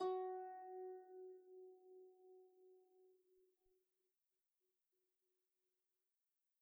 <region> pitch_keycenter=66 lokey=66 hikey=67 tune=-7 volume=24.960702 xfout_lovel=70 xfout_hivel=100 ampeg_attack=0.004000 ampeg_release=30.000000 sample=Chordophones/Composite Chordophones/Folk Harp/Harp_Normal_F#3_v2_RR1.wav